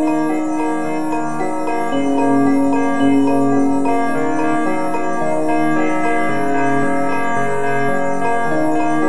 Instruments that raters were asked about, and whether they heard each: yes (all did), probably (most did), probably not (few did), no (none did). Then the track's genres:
mallet percussion: yes
piano: probably not
Easy Listening; Soundtrack; Instrumental